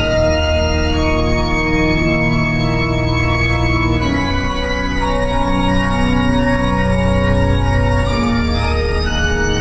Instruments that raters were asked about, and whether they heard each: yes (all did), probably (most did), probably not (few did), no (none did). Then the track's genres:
organ: yes
Noise; Industrial; Ambient